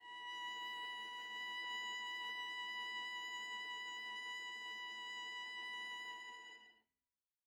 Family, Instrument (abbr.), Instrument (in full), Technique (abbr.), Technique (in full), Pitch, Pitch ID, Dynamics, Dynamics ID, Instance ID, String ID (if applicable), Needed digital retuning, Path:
Strings, Va, Viola, ord, ordinario, B5, 83, mf, 2, 1, 2, FALSE, Strings/Viola/ordinario/Va-ord-B5-mf-2c-N.wav